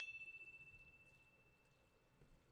<region> pitch_keycenter=88 lokey=88 hikey=89 volume=28.093809 lovel=0 hivel=65 ampeg_attack=0.004000 ampeg_decay=1.5 ampeg_sustain=0.0 ampeg_release=30.000000 sample=Idiophones/Struck Idiophones/Tubular Glockenspiel/E1_quiet1.wav